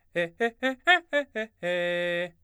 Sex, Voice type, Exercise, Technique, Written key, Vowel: male, baritone, arpeggios, fast/articulated forte, F major, e